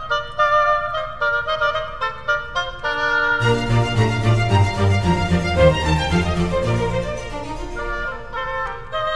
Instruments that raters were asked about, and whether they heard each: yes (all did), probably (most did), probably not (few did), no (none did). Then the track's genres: clarinet: probably not
violin: yes
Classical; Chamber Music